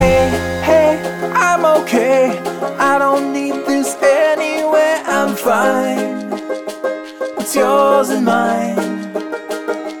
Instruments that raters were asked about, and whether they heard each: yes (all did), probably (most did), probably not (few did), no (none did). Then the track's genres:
ukulele: yes
banjo: probably not
Pop; Folk; Singer-Songwriter